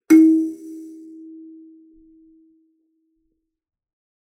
<region> pitch_keycenter=63 lokey=63 hikey=64 tune=-49 volume=-1.423243 offset=4680 ampeg_attack=0.004000 ampeg_release=15.000000 sample=Idiophones/Plucked Idiophones/Kalimba, Tanzania/MBira3_pluck_Main_D#3_k7_50_100_rr2.wav